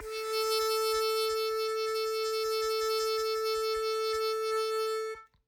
<region> pitch_keycenter=69 lokey=68 hikey=70 volume=11.233406 trigger=attack ampeg_attack=0.1 ampeg_release=0.100000 sample=Aerophones/Free Aerophones/Harmonica-Hohner-Special20-F/Sustains/HandVib/Hohner-Special20-F_HandVib_A3.wav